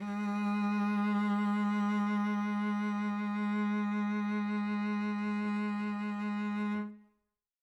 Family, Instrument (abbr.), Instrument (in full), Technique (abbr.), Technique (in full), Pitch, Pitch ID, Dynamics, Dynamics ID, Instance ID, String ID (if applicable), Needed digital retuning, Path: Strings, Vc, Cello, ord, ordinario, G#3, 56, mf, 2, 2, 3, FALSE, Strings/Violoncello/ordinario/Vc-ord-G#3-mf-3c-N.wav